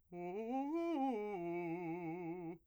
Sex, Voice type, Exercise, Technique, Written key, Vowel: male, , arpeggios, fast/articulated piano, F major, u